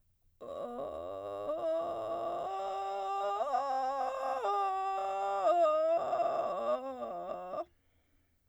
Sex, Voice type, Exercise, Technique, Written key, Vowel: female, soprano, arpeggios, vocal fry, , o